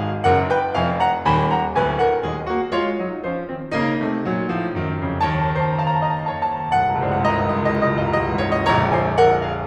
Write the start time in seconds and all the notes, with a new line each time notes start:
0.01 G#4 F5
0.21 F#1 F#2 A#4 F#5
0.45 B4 G5
0.71 F1 F2 F5 G#5
1.00 F#5 A#5
1.28 D#1 D#2 G#5 B5
1.53 F#5 A#5
1.72 D1 D2 B4 G#5
2.01 A#4 F#5
2.23 D#1 D#2 G#4 D#5
2.49 A#3 F#4
2.75 G#3 F4 C#5
3.02 F#3 D#4
3.24 F3 C#4 C5
3.50 D#3 C4
3.80 C#3 A#3 D#4
4.02 C3 A3
4.26 A#2 F#3
4.48 G#2 F3
4.68 F#2 D#3
4.91 F2 C#3
5.23 D#2 D#3 C#5 A5 A#5
5.31 A5
5.39 A#5
5.52 C5 A5
5.60 A#5
5.65 A5
5.74 A#5
5.82 F5 A5
5.88 A#5
6.02 A5
6.08 A#5
6.12 D#5 A5
6.18 A#5
6.25 A5
6.30 A#5
6.38 C#5 A5
6.44 A#5
6.51 A5
6.57 A#5
6.64 C5 A5
6.68 A#5
6.73 A5
6.79 A#5
6.83 C1 C2 F#5 A5
6.94 C#2 A#5
7.01 C2 A5
7.06 C#2 A#5
7.11 C2 C5 A5
7.17 C#2 A#5
7.24 C2 G5
7.29 C#2 A5
7.33 C2 D#5 A#5
7.38 C#2 F5
7.44 C2 D#5
7.51 C#2 F5
7.56 C2 D#5
7.61 C#2 F5
7.66 C2 D#5
7.71 C#2 F5
7.76 C2 D#5
7.83 C#2 F5
7.88 C2 D#5
7.97 C#2 F5
8.02 C2 D#5
8.07 C#2 F5
8.13 C2 D#5
8.18 C#2 F5
8.23 C2 D#5
8.27 C#2 F5
8.32 C2 D#5
8.36 C#2 F5
8.42 C2 D#5
8.47 C#2 F5
8.52 A#1 C#5
8.57 C2 D#5
8.64 A#1 C#5 A#5
8.92 C5 G#5
9.21 A#4 F#5
9.41 G#4 F5